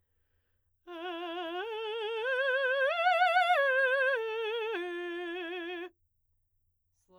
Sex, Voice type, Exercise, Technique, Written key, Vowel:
female, soprano, arpeggios, slow/legato forte, F major, e